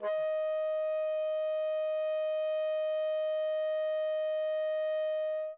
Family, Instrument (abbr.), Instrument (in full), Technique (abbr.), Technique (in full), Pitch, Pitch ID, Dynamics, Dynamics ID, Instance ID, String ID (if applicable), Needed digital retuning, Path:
Winds, Bn, Bassoon, ord, ordinario, D#5, 75, mf, 2, 0, , FALSE, Winds/Bassoon/ordinario/Bn-ord-D#5-mf-N-N.wav